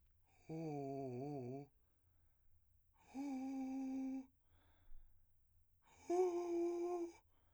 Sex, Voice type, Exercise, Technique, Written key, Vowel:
male, , long tones, inhaled singing, , o